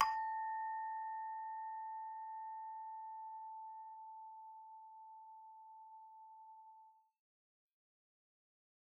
<region> pitch_keycenter=81 lokey=81 hikey=82 volume=21.711023 ampeg_attack=0.004000 ampeg_release=30.000000 sample=Idiophones/Struck Idiophones/Hand Chimes/sus_A4_r01_main.wav